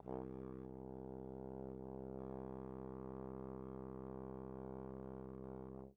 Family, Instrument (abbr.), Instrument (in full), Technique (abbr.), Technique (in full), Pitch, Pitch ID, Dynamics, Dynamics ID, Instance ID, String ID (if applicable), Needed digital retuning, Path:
Brass, Tbn, Trombone, ord, ordinario, C2, 36, pp, 0, 0, , TRUE, Brass/Trombone/ordinario/Tbn-ord-C2-pp-N-T23d.wav